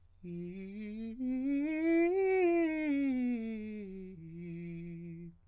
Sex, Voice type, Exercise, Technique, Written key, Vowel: male, countertenor, scales, fast/articulated piano, F major, i